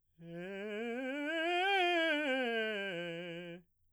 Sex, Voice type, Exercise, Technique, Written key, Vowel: male, baritone, scales, fast/articulated piano, F major, e